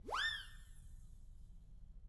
<region> pitch_keycenter=61 lokey=61 hikey=61 volume=20.000000 ampeg_attack=0.004000 ampeg_release=1.000000 sample=Aerophones/Free Aerophones/Siren/Main_SirenWhistle-005.wav